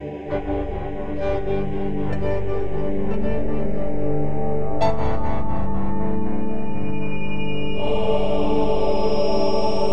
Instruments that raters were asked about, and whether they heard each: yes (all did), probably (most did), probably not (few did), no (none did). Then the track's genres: cello: probably
organ: probably not
Experimental; Ambient; New Age